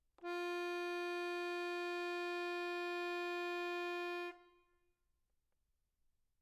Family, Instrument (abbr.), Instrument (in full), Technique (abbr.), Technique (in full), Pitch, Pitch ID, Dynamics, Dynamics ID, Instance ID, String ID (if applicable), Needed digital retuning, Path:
Keyboards, Acc, Accordion, ord, ordinario, F4, 65, mf, 2, 4, , FALSE, Keyboards/Accordion/ordinario/Acc-ord-F4-mf-alt4-N.wav